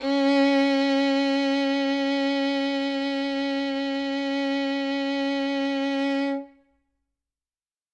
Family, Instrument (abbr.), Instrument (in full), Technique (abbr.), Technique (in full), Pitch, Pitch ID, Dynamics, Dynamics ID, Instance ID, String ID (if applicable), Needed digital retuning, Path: Strings, Vn, Violin, ord, ordinario, C#4, 61, ff, 4, 3, 4, FALSE, Strings/Violin/ordinario/Vn-ord-C#4-ff-4c-N.wav